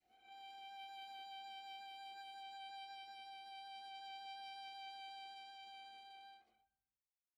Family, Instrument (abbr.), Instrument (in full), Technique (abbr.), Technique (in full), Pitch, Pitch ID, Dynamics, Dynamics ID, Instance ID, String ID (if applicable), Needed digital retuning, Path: Strings, Va, Viola, ord, ordinario, G5, 79, pp, 0, 0, 1, FALSE, Strings/Viola/ordinario/Va-ord-G5-pp-1c-N.wav